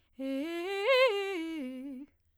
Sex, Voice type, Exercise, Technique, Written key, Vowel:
female, soprano, arpeggios, fast/articulated piano, C major, e